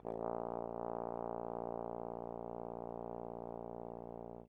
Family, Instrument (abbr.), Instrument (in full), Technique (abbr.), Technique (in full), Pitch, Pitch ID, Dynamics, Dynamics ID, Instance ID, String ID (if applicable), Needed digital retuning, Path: Brass, Tbn, Trombone, ord, ordinario, A#1, 34, pp, 0, 0, , FALSE, Brass/Trombone/ordinario/Tbn-ord-A#1-pp-N-N.wav